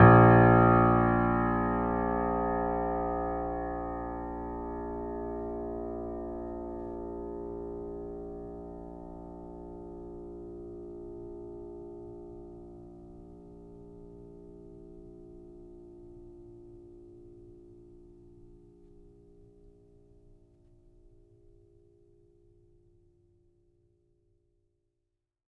<region> pitch_keycenter=34 lokey=34 hikey=35 volume=-0.132867 lovel=66 hivel=99 locc64=0 hicc64=64 ampeg_attack=0.004000 ampeg_release=0.400000 sample=Chordophones/Zithers/Grand Piano, Steinway B/NoSus/Piano_NoSus_Close_A#1_vl3_rr1.wav